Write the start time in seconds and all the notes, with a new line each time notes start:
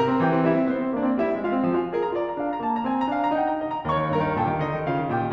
0.00 C3 A#4 A#5
0.10 C4
0.22 E3 G4 G5
0.33 C4
0.48 G3 E4 E5
0.59 C4
0.67 B3 C5
0.78 C4
0.94 A#3 D4 D5
1.03 C4
1.17 G3 E4 E5
1.28 C4
1.42 G#3 F4 F5
1.56 C4
1.73 F3 G#4 G#5
1.85 C4
1.96 G#4 C5
2.05 A#5
2.16 F4 D5
2.29 A#5
2.40 D4 F5
2.51 A#5
2.61 A#3 A5
2.74 A#5
2.86 C4 G#5
2.97 A#5
3.11 D4 F5
3.22 A#5
3.37 D#4 G5
3.52 A#5
3.65 G4 D#5
3.76 A#5
3.85 D#2 C#5 C#6
4.05 D#3
4.16 G2 A#4 A#5
4.26 D#3
4.40 A#2 G4 G5
4.50 D#3
4.60 D3 D#4 D#5
4.77 D#3
4.86 C#3 F4 F5
4.96 D#3
5.11 A#2 G4 G5
5.21 D#3